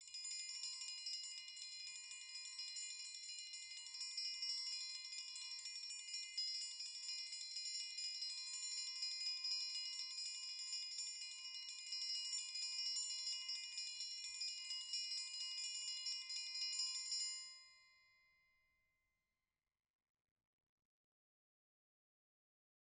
<region> pitch_keycenter=72 lokey=72 hikey=72 volume=20.000000 offset=190 ampeg_attack=0.004000 ampeg_release=2 sample=Idiophones/Struck Idiophones/Triangles/Triangle6_Roll_v2_rr1_Mid.wav